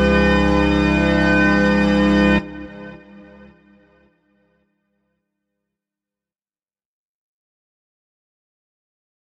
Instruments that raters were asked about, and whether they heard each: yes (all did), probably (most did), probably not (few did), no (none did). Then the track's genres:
organ: yes
Avant-Garde; Experimental